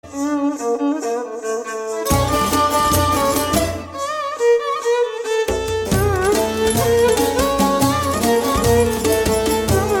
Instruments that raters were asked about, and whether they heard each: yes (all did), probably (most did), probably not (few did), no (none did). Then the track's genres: violin: probably not
saxophone: no
clarinet: probably
International; Middle East; Turkish